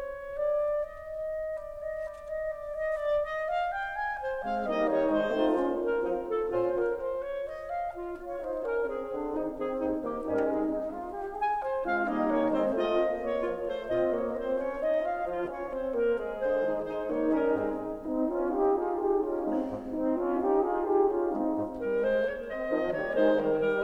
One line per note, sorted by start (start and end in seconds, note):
0.00 0.51 C#5
0.51 0.99 D5
0.99 1.56 D#5
1.56 1.85 D5
1.85 1.94 D#5
1.94 2.28 D5
2.28 2.41 D#5
2.41 2.79 D5
2.79 2.91 D#5
2.91 3.20 D5
3.20 3.45 D#5
3.45 3.67 F5
3.67 3.97 G5
3.97 4.19 G#5
4.19 4.40 C5
4.40 4.66 G#3
4.40 4.66 C4
4.40 4.66 F5
4.66 4.88 G3
4.66 4.88 A#3
4.66 5.38 D#4
4.66 4.88 D#5
4.88 5.07 D#3
4.88 5.07 G3
4.88 5.07 C#5
5.07 5.38 G#3
5.07 5.55 C5
5.38 5.55 A3
5.38 5.55 C4
5.38 5.54 D#4
5.38 5.54 F4
5.38 5.55 F4
5.55 5.79 A#3
5.55 5.79 C#4
5.55 5.79 F4
5.55 5.79 C5
5.79 6.28 A#4
6.05 6.28 F3
6.05 6.28 C4
6.05 6.28 D#4
6.05 6.27 F4
6.28 6.50 A4
6.50 6.76 A#2
6.50 6.76 C#4
6.50 6.76 F4
6.50 6.76 C5
6.76 7.00 A#4
7.00 7.36 C5
7.36 7.60 C#5
7.60 7.69 D#5
7.69 7.99 F5
7.99 8.25 F4
8.25 8.44 C#5
8.44 8.67 D#4
8.44 8.67 C5
8.67 8.87 C#4
8.67 8.87 A#4
8.87 9.36 C4
8.87 9.36 G#4
9.16 9.36 D3
9.16 9.36 D4
9.36 9.57 D#3
9.36 9.57 C4
9.36 9.55 D#4
9.36 9.57 D#4
9.36 9.57 G#4
9.57 10.09 C4
9.57 10.09 G#4
9.83 10.09 D#2
9.83 10.09 D#4
10.09 10.25 A#3
10.09 10.25 G4
10.25 10.46 G#2
10.25 10.46 G3
10.25 10.46 C#4
10.25 10.58 D#4
10.25 10.46 A#4
10.46 10.58 G#3
10.46 10.58 C4
10.46 10.58 G#4
10.58 10.83 D#4
10.83 11.08 D#4
11.08 11.37 G4
11.37 11.62 G#4
11.37 11.62 G#5
11.62 11.84 C5
11.84 12.06 G#3
11.84 12.06 C4
11.84 12.06 D#4
11.84 12.06 F4
11.84 12.06 F5
12.06 12.29 G3
12.06 12.50 A#3
12.06 12.29 D#4
12.06 12.64 D#4
12.06 12.29 D#5
12.29 12.50 D#3
12.29 12.50 C#4
12.29 12.50 C#5
12.50 12.64 G#3
12.50 12.64 C4
12.50 12.88 C4
12.50 12.64 C5
12.64 12.88 A3
12.64 12.88 F4
12.64 13.13 F4
12.64 12.88 D#5
12.88 13.14 A#3
12.88 13.14 C4
12.88 13.14 F4
12.88 13.14 D#5
13.14 13.63 A#3
13.14 13.63 C#5
13.39 13.63 F3
13.39 13.63 F4
13.63 13.89 A3
13.63 13.89 C5
13.89 14.25 A#2
13.89 14.25 C4
13.89 14.23 F4
13.89 14.25 F4
13.89 14.25 D#5
14.25 14.51 A#3
14.25 14.51 C#5
14.51 14.59 C4
14.51 14.59 C5
14.59 14.85 C#4
14.59 14.85 C#5
14.85 15.07 D#4
14.85 15.07 D#5
15.07 15.26 F4
15.07 15.26 F5
15.26 15.48 F3
15.26 15.46 F4
15.48 15.70 C#4
15.48 15.69 C#5
15.70 15.92 C4
15.70 15.92 C5
15.92 16.16 A#3
15.92 16.16 A#4
16.16 16.65 G#3
16.16 16.65 G#4
16.43 16.65 D3
16.43 16.65 C5
16.65 16.92 D#3
16.65 16.92 G#3
16.65 16.92 D#4
16.65 16.92 G#4
16.65 16.92 C5
16.92 17.08 G#3
16.92 17.37 D#4
16.92 17.08 C5
17.08 17.37 D#3
17.08 17.37 A#3
17.08 17.62 D#4
17.08 17.37 C#5
17.37 17.62 G3
17.37 17.62 C#4
17.37 17.62 A#4
17.62 17.90 G#2
17.62 17.90 G#3
17.62 17.90 C4
17.62 17.89 D#4
17.62 17.90 G#4
18.05 18.33 C4
18.05 18.33 D#4
18.33 18.61 C#4
18.33 18.61 F4
18.61 18.85 D#4
18.61 18.85 G4
18.87 18.99 F4
18.87 18.99 G#4
18.99 19.23 D#4
18.99 19.23 G4
19.23 19.45 C#4
19.23 19.45 F4
19.46 19.70 G#3
19.46 19.70 C4
19.46 19.70 D#4
19.70 19.95 G#2
19.95 20.19 C4
19.95 20.19 D#4
20.20 20.39 C#4
20.20 20.39 F4
20.41 20.70 D#4
20.41 20.70 G4
20.70 20.94 F4
20.70 20.94 G#4
20.94 21.12 D#4
20.94 21.12 G4
21.13 21.37 C#4
21.13 21.37 F4
21.37 21.58 G#3
21.37 21.58 C4
21.37 21.58 D#4
21.58 21.80 G#2
21.80 22.00 G3
21.80 22.00 A#4
22.00 22.24 G#3
22.00 22.24 C5
22.24 22.49 A#3
22.24 22.48 C#5
22.49 22.91 C4
22.49 22.91 D#5
22.71 22.91 D#3
22.71 22.91 F3
22.71 22.91 D#4
22.91 23.22 G3
22.91 23.22 A#3
22.91 23.22 D5
23.22 23.38 D#3
23.22 23.39 G#3
23.22 23.38 D#4
23.22 23.39 C5
23.39 23.66 D#3
23.39 23.66 G3
23.39 23.66 A#4
23.66 23.85 G3
23.66 23.85 A#4